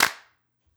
<region> pitch_keycenter=60 lokey=60 hikey=60 volume=3.052644 seq_position=2 seq_length=6 ampeg_attack=0.004000 ampeg_release=2.000000 sample=Idiophones/Struck Idiophones/Claps/Clap_rr4.wav